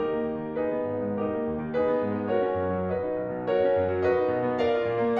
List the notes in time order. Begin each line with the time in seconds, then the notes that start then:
0.01 D#4 G4 A#4
0.13 A#3
0.28 D#2
0.44 D#3
0.57 D#4 G#4 B4
0.71 B3
0.83 G#1
0.97 G#2
1.20 D#4 G4 A#4
1.38 A#3
1.52 D#2
1.62 D#3
1.76 D#4 G#4 B4
1.88 B3
2.04 G#2
2.17 G#3
2.30 F#4 A#4 C#5
2.44 C#4
2.59 F#2
2.75 F#3
2.90 F#4 B4 D#5
3.04 D#4
3.19 B1
3.31 B2
3.48 F#4 A#4 C#5
3.65 C#4
3.77 F#2
3.92 F#3
4.06 F#4 B4 D#5
4.21 D#4
4.34 B2
4.49 B3
4.61 A#4 D5 F5
4.79 F4
4.94 A#2
5.08 A#3